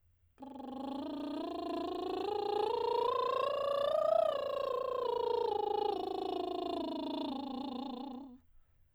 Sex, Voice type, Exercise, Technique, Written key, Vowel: female, soprano, scales, lip trill, , a